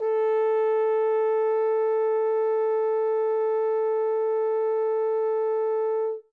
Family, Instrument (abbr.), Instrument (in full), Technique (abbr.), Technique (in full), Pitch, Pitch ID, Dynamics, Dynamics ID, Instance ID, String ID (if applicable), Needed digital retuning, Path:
Brass, Hn, French Horn, ord, ordinario, A4, 69, ff, 4, 0, , FALSE, Brass/Horn/ordinario/Hn-ord-A4-ff-N-N.wav